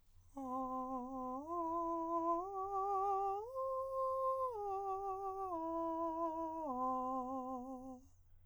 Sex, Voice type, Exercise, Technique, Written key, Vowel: male, countertenor, arpeggios, slow/legato piano, C major, a